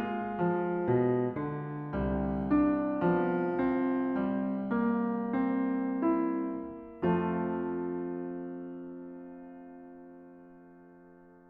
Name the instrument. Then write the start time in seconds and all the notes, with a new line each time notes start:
piano
0.00 F4
0.41 F3
0.82 B2
1.29 D3
1.93 C2
1.99 G3
2.62 D4
2.95 F3
3.10 B3
3.94 C4
4.42 G3
4.76 A#3
5.25 C4
6.08 E4
7.05 F2 F3
7.13 A3 C4
7.24 F4